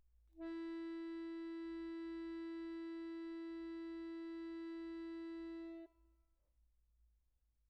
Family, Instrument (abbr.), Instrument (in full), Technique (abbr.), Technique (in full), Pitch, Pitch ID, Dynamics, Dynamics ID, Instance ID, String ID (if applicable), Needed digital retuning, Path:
Keyboards, Acc, Accordion, ord, ordinario, E4, 64, pp, 0, 1, , FALSE, Keyboards/Accordion/ordinario/Acc-ord-E4-pp-alt1-N.wav